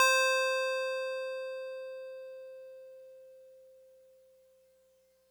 <region> pitch_keycenter=84 lokey=83 hikey=86 volume=9.916465 lovel=100 hivel=127 ampeg_attack=0.004000 ampeg_release=0.100000 sample=Electrophones/TX81Z/FM Piano/FMPiano_C5_vl3.wav